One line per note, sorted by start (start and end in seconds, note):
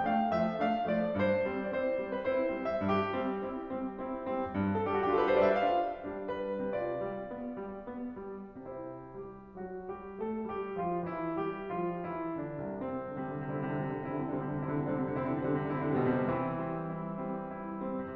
0.00 0.21 A3
0.00 0.21 D4
0.00 0.09 G5
0.06 0.21 F5
0.22 0.50 F3
0.22 0.50 A3
0.22 0.50 E5
0.51 0.89 A3
0.51 0.89 D4
0.51 0.89 F5
0.91 1.13 F3
0.91 1.13 A3
0.91 1.13 D5
1.14 1.54 G2
1.14 1.75 C5
1.54 1.75 G3
1.54 1.75 C4
1.76 2.08 C4
1.76 2.08 E4
1.76 1.81 D5
1.81 2.19 C5
2.11 2.32 G3
2.11 2.32 C4
2.21 2.32 B4
2.33 2.57 C4
2.33 2.57 E4
2.33 2.67 C5
2.57 2.79 G3
2.57 2.79 C4
2.68 2.79 E5
2.80 3.12 G2
2.80 4.74 G4
3.12 3.42 G3
3.12 3.42 C4
3.44 3.73 C4
3.44 3.73 E4
3.74 4.01 G3
3.74 4.01 C4
4.03 4.28 C4
4.03 4.28 E4
4.30 4.53 G3
4.30 4.53 C4
4.54 4.85 G2
4.75 4.85 A4
4.86 5.06 G3
4.86 5.06 D4
4.86 4.96 G4
4.96 5.06 F#4
5.07 5.26 D4
5.07 5.26 F4
5.07 5.12 G4
5.13 5.19 A4
5.20 5.26 B4
5.29 5.60 G3
5.29 5.60 D4
5.29 5.35 C5
5.36 5.45 D5
5.45 5.60 E5
5.60 6.08 D4
5.60 6.08 F4
5.60 6.08 F5
6.10 6.70 G3
6.10 6.70 D4
6.32 6.70 B4
6.70 6.95 C3
6.70 8.58 F4
6.70 8.58 D5
6.97 7.31 G3
7.31 7.59 B3
7.60 7.80 G3
7.81 8.19 B3
8.20 8.58 G3
8.61 9.16 C3
8.61 9.16 C4
8.61 9.16 E4
8.61 9.16 C5
9.17 9.49 G3
9.17 9.49 G4
9.50 9.80 F#3
9.50 9.80 F#4
9.81 10.16 G3
9.81 10.16 G4
10.17 10.52 A3
10.17 10.52 A4
10.53 10.76 G3
10.53 10.76 G4
10.76 10.98 F3
10.76 10.98 F4
10.99 11.35 E3
10.99 11.35 E4
11.37 11.69 G3
11.37 11.69 G4
11.70 12.13 F3
11.70 12.13 F4
12.14 12.41 E3
12.14 12.41 E4
12.41 12.74 D3
12.41 12.74 D4
12.75 13.15 C2
12.75 13.15 C4
13.00 13.26 C3
13.17 13.42 D3
13.17 13.42 G3
13.17 13.42 C4
13.26 13.54 C3
13.43 13.65 D3
13.43 13.65 C4
13.43 13.65 E4
13.55 13.78 C3
13.66 13.94 D3
13.66 13.94 G3
13.66 13.94 C4
13.79 14.08 C3
13.94 14.28 D3
13.94 14.28 C4
13.94 14.28 E4
14.09 14.40 C3
14.29 14.52 D3
14.29 14.52 G3
14.29 14.52 C4
14.41 14.65 C3
14.52 14.80 D3
14.52 14.80 C4
14.52 14.80 E4
14.66 15.06 C3
14.81 15.16 D3
14.81 15.16 G3
14.81 15.16 C4
15.07 15.33 C3
15.17 15.42 D3
15.17 15.42 C4
15.17 15.42 E4
15.33 15.57 C3
15.43 15.71 D3
15.43 15.71 G3
15.43 15.71 C4
15.58 15.87 C3
15.73 15.99 D3
15.73 15.99 C4
15.73 15.99 E4
15.87 16.16 C3
16.00 16.34 B2
16.00 16.34 G3
16.00 16.34 C4
16.17 16.34 C3
16.35 18.01 E3
16.35 16.61 C4
16.35 16.61 E4
16.63 16.86 G3
16.63 16.86 C4
16.87 17.24 C4
16.87 17.24 E4
17.24 17.54 G3
17.24 17.54 C4
17.55 17.87 C4
17.55 17.87 E4
17.87 18.15 G3
17.87 18.15 C4
18.02 18.15 C3